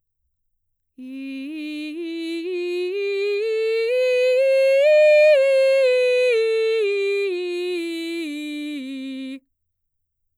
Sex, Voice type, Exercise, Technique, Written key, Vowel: female, mezzo-soprano, scales, slow/legato forte, C major, i